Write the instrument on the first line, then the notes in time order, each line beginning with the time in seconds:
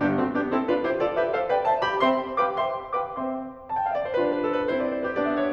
piano
0.00 G1 G2 B3 D4 G4
0.19 A3 C4 F#4
0.34 B3 D4 G4
0.48 C4 E4 A4
0.66 D4 F4 B4
0.82 E4 G4 C5
1.02 F4 A4 D5
1.18 G4 B4 E5
1.37 A4 C5 F5
1.50 B4 D5 G5
1.64 C5 E5 A5
1.82 G4 D5 F5 B5
2.03 C4 C5 E5 G5 C6
2.40 G4 B4 F5 G5 D6
2.57 C4 C5 E5 G5 C6
2.96 G4 B4 F5 G5 D6
3.15 C4 C5 E5 G5 C6
3.73 A5
3.78 G5
3.87 F5
3.92 E5
3.98 D5
4.08 C5
4.16 G3 D4 F4 B4
4.24 C5
4.32 B4
4.39 A4
4.48 B4
4.56 G4
4.67 C4 E4 C5
4.74 D5
4.82 C5
4.89 B4
4.98 C5
5.05 G4
5.15 B3 D4 D5
5.24 E5
5.34 D5
5.43 C#5